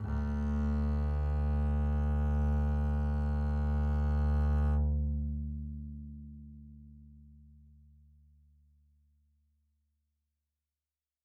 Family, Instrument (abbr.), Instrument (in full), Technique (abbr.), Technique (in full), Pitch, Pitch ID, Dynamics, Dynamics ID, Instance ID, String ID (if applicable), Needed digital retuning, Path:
Strings, Cb, Contrabass, ord, ordinario, D2, 38, mf, 2, 1, 2, FALSE, Strings/Contrabass/ordinario/Cb-ord-D2-mf-2c-N.wav